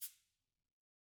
<region> pitch_keycenter=61 lokey=61 hikey=61 volume=31.613699 lovel=0 hivel=83 seq_position=2 seq_length=2 ampeg_attack=0.004000 ampeg_release=10.000000 sample=Idiophones/Struck Idiophones/Cabasa/Cabasa1_Rub_v1_rr2_Mid.wav